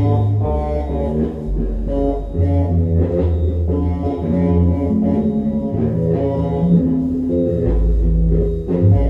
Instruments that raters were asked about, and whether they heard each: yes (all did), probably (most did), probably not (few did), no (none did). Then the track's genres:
trombone: probably
Avant-Garde; Noise; Experimental